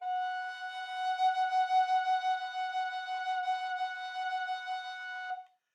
<region> pitch_keycenter=78 lokey=78 hikey=78 tune=-2 volume=12.651877 offset=447 ampeg_attack=0.004000 ampeg_release=0.300000 sample=Aerophones/Edge-blown Aerophones/Baroque Tenor Recorder/SusVib/TenRecorder_SusVib_F#4_rr1_Main.wav